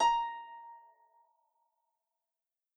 <region> pitch_keycenter=82 lokey=82 hikey=83 tune=-6 volume=1.116480 xfin_lovel=70 xfin_hivel=100 ampeg_attack=0.004000 ampeg_release=30.000000 sample=Chordophones/Composite Chordophones/Folk Harp/Harp_Normal_A#4_v3_RR1.wav